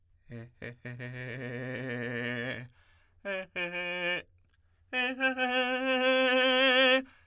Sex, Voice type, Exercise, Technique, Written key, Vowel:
male, tenor, long tones, trillo (goat tone), , e